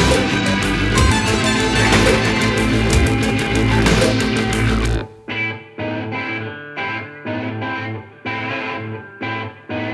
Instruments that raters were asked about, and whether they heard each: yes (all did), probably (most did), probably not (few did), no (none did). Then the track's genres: guitar: probably
Trip-Hop